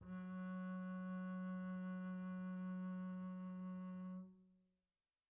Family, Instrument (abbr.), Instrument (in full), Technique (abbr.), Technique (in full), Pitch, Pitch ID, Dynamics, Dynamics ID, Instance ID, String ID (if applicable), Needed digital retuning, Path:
Strings, Cb, Contrabass, ord, ordinario, F#3, 54, pp, 0, 1, 2, FALSE, Strings/Contrabass/ordinario/Cb-ord-F#3-pp-2c-N.wav